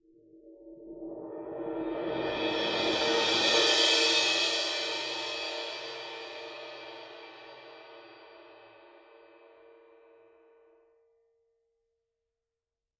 <region> pitch_keycenter=66 lokey=66 hikey=66 volume=15.000000 offset=7169 ampeg_attack=0.004000 ampeg_release=2.000000 sample=Idiophones/Struck Idiophones/Suspended Cymbal 1/susCymb1_cresc_4s.wav